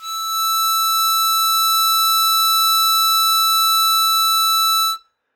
<region> pitch_keycenter=88 lokey=87 hikey=89 volume=6.785430 trigger=attack ampeg_attack=0.004000 ampeg_release=0.100000 sample=Aerophones/Free Aerophones/Harmonica-Hohner-Super64/Sustains/Normal/Hohner-Super64_Normal _E5.wav